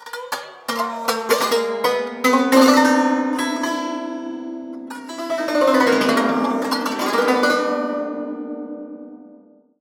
<region> pitch_keycenter=60 lokey=60 hikey=60 volume=2.000000 offset=278 ampeg_attack=0.004000 ampeg_release=0.300000 sample=Chordophones/Zithers/Dan Tranh/FX/FX_01.wav